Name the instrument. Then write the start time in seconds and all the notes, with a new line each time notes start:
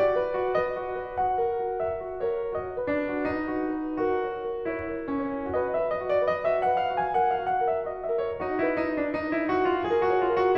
piano
0.00 F#4 D5
0.22 B4
0.39 F#4
0.57 B4 D#5
0.77 F#4
0.93 B4
1.18 F#4 F#5
1.38 A#4
1.71 F#4
1.89 A#4 E5
2.08 F#4
2.18 C#5
2.28 A#4
2.54 F#4 D#5
2.76 B4
2.91 D4
3.03 F#4
3.25 D#4 B4
3.51 F#4
3.78 B4
4.01 F#4 A#4
4.21 C#5
4.40 A#4
4.66 E4 C#5
4.93 A#4
5.07 C#4
5.17 C#5
5.54 F#4 B4 D#5
5.69 E5
5.76 B4
5.92 D#5
6.04 F#4
6.08 D5
6.26 B4 D#5
6.46 E5
6.50 F#4
6.59 F#5
6.69 B4
6.76 F5
6.97 F#4 G#5
7.12 F#5
7.19 A#4
7.29 F5
7.43 F#4
7.49 F#5
7.67 A#4 E5
7.83 D#5
7.87 F#4
7.96 E5
8.10 A#4
8.19 C#5
8.35 D#4 F#4 D#5
8.56 E4
8.61 B4
8.78 D#4
8.89 F#4
8.94 D4
9.10 D#4 B4
9.31 E4
9.38 F#4
9.50 F#4
9.68 B4
9.73 F4
9.90 G#4 A#4
10.03 F#4
10.08 C#5
10.22 F4
10.32 A#4
10.37 F#4